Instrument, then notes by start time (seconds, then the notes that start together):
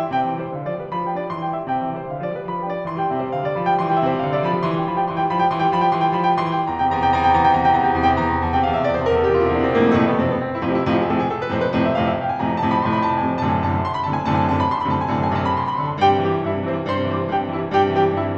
piano
0.00 C4 E5
0.15 C3 G5
0.31 E3 E5
0.44 G3 C5
0.60 D3 F5
0.71 F3 D5
0.85 G3 B4
0.98 F3 B5
1.10 G3 G5
1.21 D4 D5
1.32 E3 C6
1.44 G3 G5
1.57 C4 E5
1.71 C3 G5
1.87 E3 E5
2.00 G3 C5
2.11 D3 F5
2.21 F3 D5
2.35 G3 B4
2.46 F3 B5
2.59 G3 G5
2.75 D4 D5
2.93 E3 C6
3.02 G3 G5
3.13 C3 E5
3.27 G3 C5
3.37 D3 F5
3.48 G3 D5
3.58 F3 B5
3.67 G3 G5
3.80 E3 C6
3.90 G3 G5
4.02 C3 E5
4.11 G3 C5
4.25 D3 F5
4.34 G3 D5
4.44 F3 B5
4.57 G3 G5
4.67 E3 C6
4.79 G3 G5
4.89 F3 B5
4.98 G3 G5
5.10 E3 C6
5.19 G3 G5
5.36 F3 B5
5.48 G3 G5
5.57 E3 C6
5.65 G3 G5
5.75 F3 B5
5.83 G3 G5
5.94 E3 C6
6.05 G3 G5
6.15 F3 B5
6.28 G3 G5
6.37 E3 C6
6.50 G3 G5
6.59 E2 A#5
6.71 C3 G5
6.80 E2 A#5
6.92 C3 G5
7.12 E2 A#5
7.24 C3 G5
7.35 E2 A#5
7.44 C3 G5
7.55 E2 A#5
7.64 C3 G5
7.81 E2 A#5
7.91 C3 G5
7.99 E2 A#5
8.08 C3 G5
8.20 E2 A#5
8.30 C3
8.39 E2 A5
8.51 C3 G5
8.64 E2 F5
8.75 C3 E5
8.85 E2 D5
8.94 C3 C5
9.07 E2 A#4
9.18 C3 A4
9.28 E2 G4
9.37 C3 F4
9.46 E2 E4
9.54 C3 D4
9.62 E2 C4
9.71 C3 A#3
9.80 F2 A2 C3 A3
9.93 B3
10.04 F2 A2 C3 C4
10.22 B3
10.33 C4
10.52 E4
10.61 F2 A2 C3 F4
10.72 E4
10.82 F2 A2 C3 F4
10.96 G#4
11.06 F2 A2 C3 A4
11.17 G#4
11.26 A4
11.39 B4
11.52 F2 A2 C3 C5
11.64 B4
11.75 F2 A2 C3 C5
11.85 E5
11.96 F2 A2 C3 F5
12.05 E5
12.17 F5
12.27 G#5
12.39 F2 A2 C3 A5
12.52 G#5
12.61 F2 A2 C3 A5
12.74 B5
12.84 F2 A2 C3 C6
12.93 B5
13.04 C6
13.12 B5
13.21 F2 A2 C3 A5
13.32 G#5
13.41 F#2 A2 C3 D3 A5
13.54 G#5
13.63 F#2 A2 C3 D3 A5
13.73 B5
13.85 C6
13.94 B5
14.04 F#2 A2 C3 D3 A5
14.12 G#5
14.21 F#2 A2 C3 D3 A5
14.32 G#5
14.41 F#2 A2 C3 D3 A5
14.57 B5
14.66 C6
14.74 B5
14.84 F#2 A2 C3 D3 A5
14.93 G#5
14.99 F#2 A2 C3 D3 B5
15.06 B5 C6
15.13 F#2 A2 C3 D3 A5
15.20 G#5
15.27 F#2 A2 C3 D3 A5
15.36 G#5
15.42 F#2 A2 C3 D3 A5
15.51 B5
15.62 C6
15.73 B5
15.81 F#2 A2 C3 D3 C6
15.92 A5
16.02 G2 G4 G5
16.13 C3
16.22 E3 G4 G5
16.32 G3
16.49 G2 E4 E5
16.59 C3
16.68 E3 C4 C5
16.79 G3
16.88 G2 C5 C6
17.04 C3
17.15 E3 C5 C6
17.24 G3
17.35 G2 G4 G5
17.44 C3
17.57 E3 E4 E5
17.71 G3
17.80 G2 G4 G5
17.90 C3
18.01 E3 G4 G5
18.10 G3
18.19 G2 E4 E5
18.27 C3